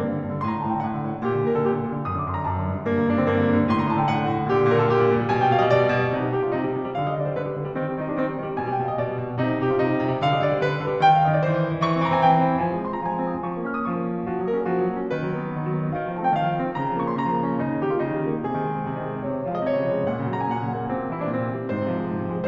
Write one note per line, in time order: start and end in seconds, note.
0.00 0.10 G2
0.00 0.39 A#3
0.10 0.20 D3
0.20 0.29 G2
0.30 0.39 D3
0.39 0.51 A2
0.39 0.51 C6
0.51 0.60 D3
0.51 0.60 A#5
0.62 0.72 A2
0.62 0.72 A5
0.72 0.82 D3
0.72 0.82 G5
0.84 0.93 A2
0.84 1.25 F#5
0.93 1.06 D3
1.06 1.15 A2
1.16 1.25 D3
1.25 1.35 A#2
1.25 1.44 G4
1.36 1.44 D3
1.44 1.53 A#2
1.44 1.53 A#4
1.53 1.63 D3
1.53 1.63 A4
1.64 1.74 A#2
1.64 1.99 G4
1.74 1.80 D3
1.80 1.89 A#2
1.89 1.99 D3
1.99 2.08 F#2
1.99 2.08 D#6
2.09 2.19 D3
2.09 2.19 D6
2.19 2.31 F#2
2.19 2.31 C6
2.31 2.40 D3
2.31 2.40 A#5
2.41 2.51 F#2
2.41 2.87 A5
2.51 2.61 D3
2.62 2.75 F#2
2.75 2.87 D3
2.87 2.96 G2
2.87 3.04 A#3
2.97 3.04 D3
3.04 3.13 G2
3.04 3.13 D4
3.15 3.24 D3
3.15 3.24 C4
3.24 3.39 G2
3.24 3.69 A#3
3.39 3.49 D3
3.49 3.58 G2
3.58 3.69 D3
3.69 3.77 A2
3.69 3.77 C6
3.78 3.88 D3
3.78 3.88 A#5
3.88 3.97 A2
3.88 3.97 A5
3.98 4.10 D3
3.98 4.10 G5
4.10 4.18 A2
4.10 4.53 F#5
4.18 4.28 D3
4.31 4.41 A2
4.41 4.53 D3
4.54 4.63 A#2
4.54 4.63 D5
4.63 4.74 D3
4.63 4.74 C5
4.74 4.82 A#2
4.74 4.82 A#4
4.83 4.92 D3
4.83 4.92 A4
4.92 5.03 A#2
4.92 5.32 G4
5.03 5.12 G3
5.12 5.22 A#2
5.22 5.32 G3
5.33 5.42 B2
5.33 5.42 G#5
5.42 5.55 G3
5.42 5.55 G5
5.55 5.62 B2
5.55 5.62 F5
5.63 5.72 G3
5.63 5.72 D#5
5.72 5.82 B2
5.72 6.12 D5
5.83 5.92 G3
5.92 6.01 B2
6.01 6.12 G3
6.13 6.23 C3
6.13 6.35 D#4
6.23 6.35 G3
6.36 6.46 C3
6.36 6.46 G4
6.46 6.55 G3
6.46 6.55 F4
6.55 6.64 C3
6.55 6.95 D#4
6.65 6.72 G3
6.72 6.86 C3
6.86 6.95 G3
6.97 7.07 D3
6.97 7.07 F5
7.07 7.14 G3
7.07 7.14 D#5
7.15 7.24 D3
7.15 7.24 D5
7.24 7.34 G3
7.24 7.34 C5
7.34 7.42 D3
7.34 7.76 B4
7.43 7.55 G3
7.55 7.64 D3
7.65 7.76 G3
7.76 7.85 D#3
7.76 7.96 C4
7.85 7.96 G3
7.98 8.08 D#3
7.98 8.08 D#4
8.08 8.17 G3
8.08 8.17 D4
8.17 8.25 D#3
8.17 8.57 C4
8.27 8.35 G3
8.35 8.46 D#3
8.48 8.57 G3
8.57 8.71 B2
8.57 8.71 G#5
8.71 8.80 G3
8.71 8.80 G5
8.81 8.89 B2
8.81 8.89 F5
8.89 8.99 G3
8.89 8.99 D#5
8.99 9.06 B2
8.99 9.39 D5
9.06 9.16 G3
9.16 9.29 B2
9.30 9.39 G3
9.39 9.50 C3
9.39 9.59 D#4
9.50 9.59 G3
9.59 9.72 C3
9.59 9.72 G4
9.72 9.82 G3
9.72 9.82 F4
9.83 9.91 C3
9.83 10.19 D#4
9.91 10.00 G3
10.00 10.09 C3
10.10 10.19 G3
10.19 10.29 D3
10.19 10.29 F5
10.30 10.38 G3
10.30 10.38 D#5
10.38 10.48 D3
10.38 10.48 D5
10.48 10.59 G3
10.48 10.59 C5
10.60 10.70 D3
10.60 11.03 B4
10.70 10.81 G3
10.82 10.91 D3
10.91 11.03 G3
11.03 11.12 D#3
11.03 11.12 G5
11.13 11.23 G3
11.13 11.23 F5
11.23 11.33 D#3
11.23 11.33 D#5
11.33 11.41 G3
11.33 11.41 D5
11.42 11.52 D#3
11.42 11.85 C5
11.52 11.61 C4
11.62 11.73 D#3
11.73 11.85 C4
11.85 11.95 E3
11.85 11.95 C#6
11.96 12.05 C4
11.96 12.05 C6
12.05 12.13 E3
12.05 12.13 A#5
12.14 12.24 C4
12.14 12.24 G#5
12.24 12.35 E3
12.24 12.63 G5
12.35 12.43 C4
12.45 12.54 E3
12.54 12.63 C4
12.63 12.71 F3
12.63 12.83 G#5
12.71 12.83 G#3
12.83 12.93 C4
12.83 12.93 C6
12.95 13.05 F4
12.95 13.05 A#5
13.05 13.15 F3
13.05 13.50 G#5
13.15 13.24 G#3
13.25 13.40 C4
13.40 13.50 F4
13.51 13.60 F3
13.51 13.69 C#6
13.60 13.69 A#3
13.69 13.82 C#4
13.69 13.82 F6
13.83 13.92 F4
13.83 13.92 D#6
13.92 14.00 F3
13.92 14.28 C#6
14.01 14.09 A#3
14.09 14.19 C#4
14.19 14.28 F4
14.29 14.40 F3
14.29 14.49 F#4
14.40 14.49 F#3
14.49 14.57 A#3
14.49 14.57 A#4
14.58 14.68 C#4
14.58 14.68 G#4
14.68 14.76 F3
14.68 15.09 F#4
14.77 14.87 F#3
14.87 14.98 A#3
14.98 15.09 C#4
15.10 15.21 D#3
15.10 15.98 B4
15.21 15.37 F#3
15.38 15.50 B3
15.50 15.60 D#4
15.60 15.71 D#3
15.72 15.80 F#3
15.80 15.89 B3
15.89 15.98 D#4
15.99 16.09 D#3
15.99 16.17 F5
16.09 16.17 F3
16.17 16.27 A3
16.17 16.27 A5
16.27 16.38 C4
16.27 16.38 G5
16.38 16.46 D#3
16.38 16.78 F5
16.47 16.56 F3
16.56 16.67 A3
16.68 16.78 C4
16.78 16.88 C#3
16.78 16.97 A#5
16.88 16.97 F3
16.99 17.08 A#3
16.99 17.08 C#6
17.08 17.17 C#4
17.08 17.17 C6
17.17 17.30 C#3
17.17 17.55 A#5
17.30 17.40 F3
17.40 17.47 A#3
17.48 17.55 C#4
17.55 17.66 C#3
17.55 17.80 D#4
17.66 17.80 D#3
17.81 17.90 G3
17.81 17.90 G4
17.90 18.00 A#3
17.90 18.00 F4
18.01 18.09 C#3
18.01 18.41 D#4
18.09 18.20 D#3
18.20 18.31 G3
18.32 18.41 A#3
18.41 18.51 C3
18.41 19.21 G#4
18.52 18.62 D#3
18.62 18.74 G#3
18.74 18.81 C4
18.82 18.91 C3
18.91 19.02 D#3
19.02 19.10 G#3
19.11 19.21 C4
19.21 19.31 C3
19.21 19.45 C#5
19.32 19.45 C#3
19.45 19.56 F3
19.45 19.56 F5
19.56 19.68 G#3
19.56 19.68 D#5
19.69 19.79 C3
19.69 20.10 C#5
19.79 19.89 C#3
19.90 19.98 F3
19.98 20.10 G#3
20.10 20.19 A#2
20.10 20.29 F#5
20.20 20.29 C#3
20.29 20.40 F#3
20.29 20.40 A#5
20.40 20.49 A#3
20.40 20.49 G#5
20.49 20.61 A#2
20.49 20.99 F#5
20.61 20.76 C#3
20.78 20.87 F#3
20.87 20.99 A#3
20.99 21.06 A#2
20.99 21.15 C4
21.06 21.15 C3
21.15 21.22 E3
21.15 21.22 E4
21.22 21.28 G3
21.22 21.28 D4
21.28 21.41 A#2
21.28 21.69 C4
21.41 21.49 C3
21.50 21.59 E3
21.59 21.69 G3
21.70 21.78 G#2
21.70 22.47 C5
21.78 21.87 C3
21.87 21.97 F3
21.98 22.09 G#3
22.09 22.19 G#2
22.19 22.27 C3
22.28 22.37 F3
22.37 22.47 G#3